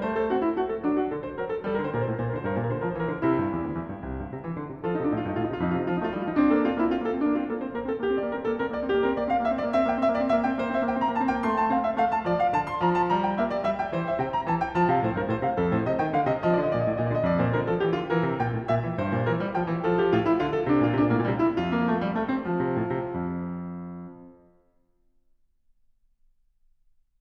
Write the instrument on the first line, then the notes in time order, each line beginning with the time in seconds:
piano
0.00 A3 C5
0.14 A4
0.31 C4 F#4
0.42 E4
0.52 A3 F#4
0.68 A4
0.81 F#3 D4
0.95 F#4
1.09 D3 A4
1.23 C5
1.36 F#3 A#4
1.50 A4
1.64 G3 A4
1.70 A#4
1.75 D3 C5
1.82 A#4
1.89 A#2 C5
1.97 A#4
2.05 A2 C5
2.11 A#4
2.17 A#2 C5
2.23 A#4
2.31 D3 C5
2.38 A#4
2.45 G2 C5
2.52 A#4
2.57 A#2 C5
2.65 A#4
2.72 D3 A#4 C5
2.80 F3 C5
2.84 A#4
2.94 E3 C5
3.01 A#4
3.08 D3 C5
3.13 A#4
3.20 C3 E4 C5
3.30 A#4
3.37 G2 C5
3.44 A#4
3.51 E2 C5
3.58 A#4
3.65 D2 C5
3.72 A#4
3.78 E2 C5
3.85 A#4
3.91 G2 C5
3.99 A#4
4.06 C2 A#4 C5
4.17 G2 C5
4.25 A#4
4.31 C3 C5
4.35 A#4
4.42 E3 C5
4.49 A#4
4.57 D3 C5
4.67 A#4
4.73 C3 C5
4.79 A#4
4.89 F3 F4 A4
4.95 D#4
4.99 C3 D4 D#4
5.07 A2 F4
5.14 G2 D#4 F4
5.22 D#4
5.29 A2 F4
5.38 D#4
5.45 C3 F4
5.51 D#4
5.60 F2 F4
5.67 D#4
5.74 C3 F4
5.79 F3 D#4 F4
5.89 D#4
5.96 A3 F4
6.03 D#4
6.10 G3 F4
6.15 D#4
6.22 F3 F4
6.29 D#4
6.40 C4 D4
6.48 A#3
6.56 C4 A4
6.61 A#3
6.69 C4 F4
6.73 A#3
6.82 C4 E4
6.88 A#3
6.94 C4 F4
7.01 A#3
7.06 C4 A4
7.13 A#3
7.17 C4 D4
7.24 A#3
7.33 C4 F4
7.42 A#3
7.49 C4 A4
7.57 A#3
7.65 C4 C5
7.72 A#3
7.78 C4 A#4
7.88 A#3
7.95 C4 A4
8.01 A#3
8.08 C4 G4
8.14 A#3
8.20 C4 D5
8.28 A#3
8.32 C4 A#4
8.37 A#3
8.43 C4 A4
8.50 A#3
8.57 C4 A#4
8.66 A#3
8.74 C4 D5
8.82 A#3
8.90 C4 G4
9.00 A#3
9.07 C4 A#4
9.14 A#3
9.21 C4 D5
9.26 A#3
9.33 C4 F5
9.39 A#3
9.46 C4 E5
9.54 A#3
9.61 C4 D5
9.67 A#3
9.75 C4 E5
9.82 A#3
9.89 C4 G5
9.95 A#3
10.01 C4 E5
10.08 A#3
10.15 C4 D5
10.22 A#3
10.27 C4 E5
10.33 A#3
10.41 C4 G5
10.47 A#3
10.55 C4 C5
10.61 A#3
10.72 C4 E5
10.80 A#3
10.88 C4 G5
10.96 A#3
11.04 C4 A#5
11.11 A#3
11.19 C4 A5
11.24 A#3
11.31 C4 G5
11.37 A#3
11.45 A3 C6
11.59 A5
11.73 C4 F5
11.84 E5
11.98 A3 F5
12.14 A5
12.26 F3 D5
12.41 F5
12.55 D3 A5
12.70 C6
12.83 F3 A#5
12.97 A5
13.13 G3 A#5
13.28 G5
13.40 A#3 E5
13.53 D5
13.64 G3 E5
13.82 G5
13.96 E3 C5
14.06 E5
14.19 C3 G5
14.34 A#5
14.47 E3 A5
14.62 G5
14.76 F3 A5
14.90 C3 F5
15.02 A2 C5
15.17 G2 A#4
15.29 A2 C5
15.43 C3 F5
15.60 F2 A4
15.74 A2 C5
15.88 C3 D#5
16.00 D#3 G5
16.14 D3 F5
16.29 C3 D#5
16.45 F3 D#5
16.51 D5
16.58 D3 D#5
16.66 D5
16.72 A#2 D#5
16.79 D5
16.86 A2
16.95 A#2
17.06 D3
17.19 F2
17.36 A#2 C5
17.47 D3 A#4
17.64 F3 A4
17.77 E3 G4
17.94 D3 F4
18.11 E3 A#4
18.25 C3
18.40 A#2 G5
18.56 A2
18.69 A#2 E5
18.84 E3
18.99 G2 C5
19.13 A#2
19.27 E3 A#4
19.42 G3
19.55 F3 G5
19.67 E3
19.83 F3 A4
19.99 G4
20.12 A2 F4
20.25 E4
20.38 D3 F4
20.55 A4
20.74 C3 D4
20.78 A#2 C3
20.83 F4
20.87 A#2
20.96 C3 D4
21.03 A#2
21.11 A2 A#3
21.19 A#2
21.29 C3 G3
21.42 E4
21.59 F2 F4
21.72 A#3
21.80 A3
21.95 G3
22.11 A3
22.28 C4
22.44 F3
22.57 C3
22.78 A2
22.96 C3
23.16 F2